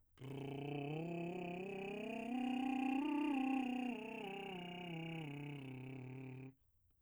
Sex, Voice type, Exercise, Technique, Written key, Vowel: male, , scales, lip trill, , o